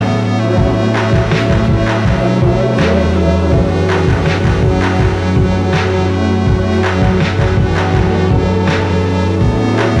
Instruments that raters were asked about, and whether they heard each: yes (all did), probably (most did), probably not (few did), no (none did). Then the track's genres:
trumpet: no
trombone: no
Electronic; Lo-Fi